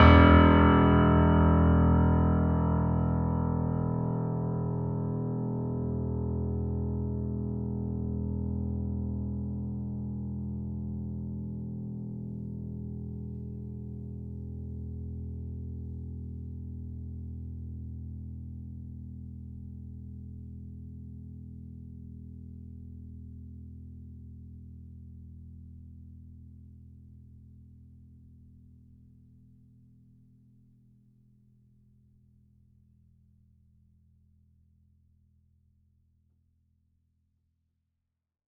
<region> pitch_keycenter=28 lokey=28 hikey=29 volume=-0.840573 lovel=66 hivel=99 locc64=65 hicc64=127 ampeg_attack=0.004000 ampeg_release=0.400000 sample=Chordophones/Zithers/Grand Piano, Steinway B/Sus/Piano_Sus_Close_E1_vl3_rr1.wav